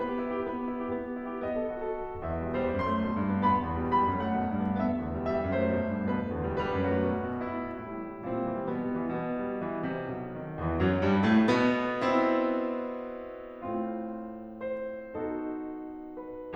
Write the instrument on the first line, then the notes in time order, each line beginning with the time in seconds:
piano
0.00 B3 B4
0.09 G4
0.21 E4
0.34 G4
0.45 B3 B4
0.58 G4
0.78 E4
0.91 G4
1.03 B3
1.16 G4
1.29 E4
1.37 G4
1.46 B3 D#5
1.59 A4
1.78 F#4
1.93 A4
2.23 E2 E5
2.40 G3
2.51 B2 C5
2.60 G3
2.72 F#2 C6
2.88 A3
2.98 B2
3.07 A3
3.15 G2
3.27 B3
3.42 B2 B5
3.53 B3
3.62 E2
3.72 G3
3.80 B2 B5
3.97 G3
4.12 F#2 F#5
4.24 A3
4.34 B2
4.45 A3
4.55 G2
4.64 B3
4.86 B2 E5
4.97 B3
5.06 E2
5.18 G3
5.29 B2 E5
5.39 G3
5.48 F#2 C5
5.58 A3
5.69 B2
5.79 A3
5.87 G2
5.97 B3
6.12 B2 B4
6.25 B3
6.34 E2
6.47 G3
6.59 B2 B4
6.69 G3
6.78 F#2 F#4
6.88 A3
7.00 B2
7.09 A3
7.22 G2
7.31 B3
7.43 B2 E4
7.56 B3
7.70 A2 E4
7.88 G3
7.99 E3
8.13 G3
8.22 A#2 C4
8.34 G3
8.45 E3
8.54 G3
8.65 B2 B3
8.75 G3
8.87 E3
9.04 G3
9.16 B2 B3
9.37 G3
9.57 E3
9.91 C3
10.10 B1 B2
10.36 D#3
10.60 E2 E3
10.80 F#2 F#3
11.03 G2 G3
11.24 A2 A3
11.47 B2 B3
12.07 C4 E4
13.71 A2 A3 C4 F4
14.62 C5
15.22 B2 B3 D#4 F#4 A4
16.17 B4